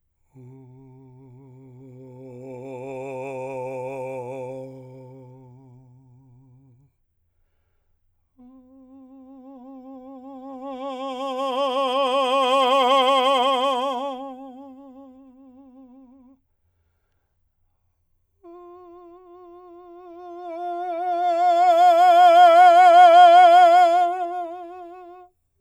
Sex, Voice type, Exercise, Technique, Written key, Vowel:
male, , long tones, messa di voce, , o